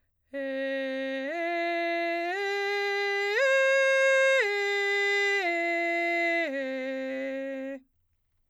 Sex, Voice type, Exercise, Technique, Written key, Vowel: female, soprano, arpeggios, straight tone, , e